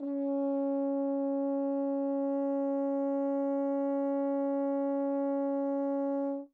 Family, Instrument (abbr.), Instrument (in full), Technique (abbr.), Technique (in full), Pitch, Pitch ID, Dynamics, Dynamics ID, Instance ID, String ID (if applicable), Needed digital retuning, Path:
Brass, Hn, French Horn, ord, ordinario, C#4, 61, mf, 2, 0, , TRUE, Brass/Horn/ordinario/Hn-ord-C#4-mf-N-T12u.wav